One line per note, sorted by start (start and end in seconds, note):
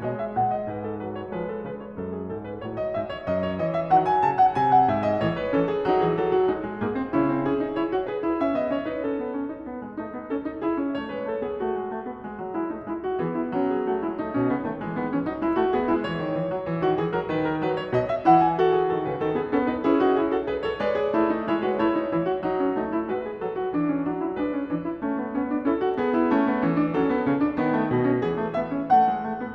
0.00 0.37 B2
0.00 0.74 G#3
0.00 0.19 D#5
0.19 0.37 E5
0.37 0.74 A#2
0.37 0.56 F#5
0.56 0.74 D#5
0.74 1.09 G#2
0.74 0.89 B4
0.89 1.09 A4
1.09 1.36 F#3
1.09 1.25 B4
1.25 1.36 C#5
1.36 1.65 F3
1.36 2.62 G#3
1.36 1.51 B4
1.51 1.65 A4
1.65 2.03 C#3
1.65 1.82 B4
1.82 2.03 C#5
2.03 2.28 F#2
2.03 2.16 A4
2.16 2.28 G#4
2.28 2.62 G#2
2.28 2.47 A4
2.47 2.62 B4
2.62 2.98 A2
2.62 3.27 F#3
2.62 2.75 C#5
2.75 2.98 D#5
2.98 3.27 G#2
2.98 3.10 E5
3.10 3.27 C#5
3.27 3.60 F#2
3.27 3.42 D#5
3.42 3.60 C#5
3.60 3.90 E3
3.60 3.73 D#5
3.73 3.90 E5
3.90 4.21 D#3
3.90 5.20 F#3
3.90 4.09 F#5
4.09 4.21 G#5
4.21 4.54 C#3
4.21 4.37 A5
4.37 4.54 F#5
4.54 4.86 C3
4.54 4.69 G#5
4.69 4.86 F#5
4.86 5.20 G#2
4.86 5.04 E5
5.04 5.20 D#5
5.20 5.49 A2
5.20 5.49 E3
5.20 5.32 C#5
5.32 5.49 B4
5.49 5.85 E3
5.49 5.85 C#4
5.49 5.67 A4
5.67 5.85 G#4
5.85 6.03 F#3
5.85 6.51 D#4
5.85 6.03 F#4
6.03 6.14 E3
6.03 6.14 G#4
6.14 6.51 F#3
6.14 6.33 A4
6.33 6.51 F#4
6.51 6.82 G#3
6.51 6.82 D#4
6.69 6.82 G#3
6.82 7.11 G#2
6.82 6.94 A#3
6.82 7.11 G#4
6.94 7.11 C4
7.11 7.44 C#3
7.11 7.26 C#4
7.11 7.44 E4
7.26 7.44 C4
7.44 7.59 C#4
7.44 7.74 G#4
7.59 7.74 D#4
7.74 7.92 E4
7.74 8.06 C#5
7.92 8.06 F#4
8.06 8.20 G#4
8.06 8.39 B4
8.20 8.39 E4
8.39 8.58 C#4
8.39 8.58 E5
8.58 8.70 B3
8.58 8.70 D#5
8.70 8.88 C#4
8.70 8.88 C#5
8.88 9.02 D#4
8.88 9.02 B4
9.02 9.20 C#4
9.02 9.89 A4
9.20 9.30 B3
9.30 9.46 C#4
9.46 9.65 D#4
9.65 9.82 B3
9.82 9.89 G#3
9.89 10.10 A3
9.89 10.29 C#4
10.10 10.29 B3
10.29 10.44 C#4
10.29 10.61 A4
10.44 10.61 D#4
10.61 10.74 E4
10.61 10.96 G#4
10.74 10.96 C#4
10.96 11.12 A3
10.96 11.12 C#5
11.12 11.26 G#3
11.12 11.26 B4
11.26 11.42 A3
11.26 11.42 A4
11.42 11.60 B3
11.42 11.60 G#4
11.60 11.74 A3
11.60 12.55 F#4
11.74 11.85 G#3
11.85 12.03 A3
12.03 12.21 B3
12.21 12.36 G#3
12.36 12.55 F#3
12.55 12.72 G#3
12.55 12.72 E4
12.72 12.85 A3
12.72 12.85 D#4
12.85 13.20 G#3
12.85 13.03 E4
13.03 13.20 F#4
13.20 13.57 E3
13.20 13.82 B3
13.20 13.34 G#4
13.34 13.57 E4
13.57 14.20 F#3
13.57 13.70 C#4
13.70 13.82 G#4
13.82 14.06 A3
13.82 14.06 F#4
14.06 14.20 G#3
14.06 14.20 E4
14.20 14.34 A3
14.20 14.45 D#4
14.34 14.45 B2
14.34 14.45 C#4
14.45 14.64 C#3
14.45 14.64 B3
14.64 14.78 D#3
14.64 14.78 A3
14.78 14.95 E3
14.78 14.95 G#3
14.95 15.07 D#3
14.95 15.07 B3
15.07 15.24 E3
15.07 15.24 C#4
15.24 15.44 F#3
15.24 15.44 D#4
15.44 15.59 G#3
15.44 15.59 E4
15.59 15.74 A3
15.59 15.74 F#4
15.74 15.86 B3
15.74 15.86 G#4
15.86 16.07 G#3
15.86 16.07 E4
16.07 16.20 E3
16.07 16.63 C#5
16.20 16.32 D#3
16.32 16.46 E3
16.46 16.63 F#3
16.63 16.82 E3
16.82 17.00 D#3
16.82 17.00 F#4
17.00 17.16 E3
17.00 17.16 G#4
17.16 17.31 F#3
17.16 17.31 A#4
17.31 17.66 D#3
17.31 17.48 B4
17.48 17.66 A#4
17.66 17.94 F#3
17.66 17.80 B4
17.80 17.94 C#5
17.94 18.26 B2
17.94 18.08 D#5
18.08 18.26 E5
18.26 18.90 E3
18.26 18.59 E4
18.26 18.45 F#5
18.45 18.59 G#5
18.59 19.21 F#4
18.59 18.74 A4
18.74 18.90 G#4
18.90 19.08 D#3
18.90 19.08 A4
19.08 19.21 C#3
19.08 19.21 B4
19.21 19.48 D#3
19.21 19.34 A4
19.34 19.48 B3
19.34 19.48 G#4
19.48 19.82 B3
19.48 19.68 C#4
19.48 19.68 A4
19.68 19.82 D#4
19.68 19.82 B4
19.82 20.48 C#4
19.82 20.00 E4
19.82 20.00 G#4
20.00 20.15 D#4
20.00 20.15 F#4
20.15 20.31 E4
20.15 20.31 G#4
20.31 20.48 F#4
20.31 20.48 A4
20.48 20.63 G#4
20.48 20.63 B4
20.63 20.82 A4
20.63 20.82 C#5
20.82 21.20 G#3
20.82 21.03 B4
20.82 21.49 D5
21.03 21.20 G#4
21.20 21.49 A3
21.20 21.33 E4
21.33 21.49 D#4
21.49 21.78 G#3
21.49 21.63 E4
21.49 21.63 C#5
21.63 21.78 F#4
21.63 21.78 B4
21.78 22.08 A3
21.78 21.91 E4
21.78 23.09 C#5
21.91 22.08 D#4
22.08 22.44 E3
22.08 22.26 E4
22.26 22.44 F#4
22.44 22.78 F#3
22.44 22.63 D#4
22.63 22.78 C#4
22.78 23.09 A3
22.78 22.92 D#4
22.92 23.09 E4
23.09 23.42 G#3
23.09 23.21 F#4
23.09 23.72 B4
23.21 23.42 G#4
23.42 23.72 F#3
23.42 23.58 A4
23.58 23.72 F#4
23.72 24.00 E3
23.72 23.84 D4
23.84 24.00 C#4
24.00 24.36 F#3
24.00 24.22 D4
24.22 24.36 E4
24.36 24.69 G#3
24.36 24.57 D4
24.36 25.66 B4
24.57 24.69 C#4
24.69 25.00 E3
24.69 24.80 D4
24.80 25.00 E4
25.00 25.31 A3
25.00 25.17 C#4
25.17 25.31 B3
25.31 25.66 B3
25.31 25.48 C#4
25.48 25.66 D4
25.66 25.95 C#4
25.66 25.81 E4
25.66 26.34 A4
25.81 25.95 F#4
25.95 26.34 B3
25.95 26.11 G#4
26.11 26.34 E4
26.34 26.63 A3
26.34 26.47 C#4
26.47 26.63 B3
26.63 26.92 E3
26.63 26.80 C#4
26.80 26.92 D4
26.92 27.24 F#3
26.92 27.12 C#4
26.92 28.19 A4
27.12 27.24 B3
27.24 27.55 C#3
27.24 27.38 C#4
27.38 27.55 D4
27.55 27.88 D#3
27.55 27.72 B3
27.72 27.88 A3
27.88 28.19 B2
27.88 28.01 B3
28.01 28.19 C#4
28.19 29.55 E3
28.19 28.35 B3
28.19 28.54 G#4
28.35 28.54 A3
28.54 28.69 B3
28.54 28.87 E5
28.69 28.87 C#4
28.87 29.06 A3
28.87 29.55 F#5
29.06 29.20 G#3
29.20 29.37 A3
29.37 29.55 B3